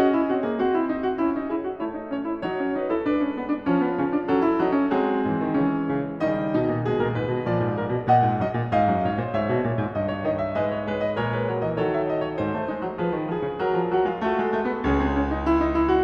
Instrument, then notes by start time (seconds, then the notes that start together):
piano
0.00 C#4 F#4 D#5
0.16 E4
0.31 C4 F#4
0.43 A#3 G#4
0.57 C4 F#4
0.74 E4
0.93 D#4
1.02 F#4
1.17 C#4 E4
1.38 D#4
1.50 E4 G#4
1.64 F#4
1.80 A3 E4 C#5
1.94 D#4
2.09 C#4 C#5
2.25 E4
2.40 F#3 C#5 D#5
2.57 C#5
2.75 B4 D#5
2.91 A4 E5
3.02 G#3 B4 D5
3.19 C#5
3.37 B4
3.53 D5
3.68 F3 C#5
3.82 B4
3.95 C#3 C#5
4.13 D5
4.26 F#3 A4 C#5
4.42 E5
4.60 F#3 D#5
4.78 C#5
4.97 F#3 G#3 G#4 C5
5.28 G#2 E3
5.38 D3
5.57 C#3 E3 C#5
5.92 C#3
6.30 C#3 D#3 G3 D#4 D#5
6.54 B2 D#4
6.69 A#2
6.86 B2 G#3 G#4
6.95 A#2 A#4
7.13 G#2 B4
7.27 B2
7.44 A#2 F3 D5
7.64 G#2
7.76 A#2 A#4
7.93 B2
8.08 A#2 D#5 F#5
8.27 G#2
8.43 F#2 D#5
8.59 A#2
8.74 G#2 D#5 F5
8.92 F#2
9.07 G#2 C#5
9.17 A#2 C5
9.31 G#2 C#5 E5
9.46 B2
9.64 A#2
9.81 G#2
9.95 G2 D#5
10.09 C#5
10.26 D#3 D#5
10.39 E5
10.55 G#2 G#3 B4 D#5
10.72 C#5
10.87 G#3 B4
11.04 D#5
11.17 A#2 G#3 A#4 C#5
11.32 B4
11.49 F#3 C#5
11.64 E3 D#5
11.78 D#3 F#3 A4 C#5
11.94 E5
12.07 D#5
12.20 C#5
12.35 G#2 C5
12.50 A3
12.70 G#3 D#4
12.83 F#3
12.96 F3 G#4 B4
13.10 D#3
13.31 F3 G#4
13.46 C#3
13.61 F#3 A#4
13.79 F3
13.90 F#3 F#4
14.05 G#3 F4
14.21 A3 F#4 A4
14.40 G#3
14.54 A3
14.73 B3
14.86 C#2 C#4 G#4
15.03 C4
15.17 C#4
15.29 D#4
15.46 E4
15.60 D#4
15.79 E4
15.92 F#4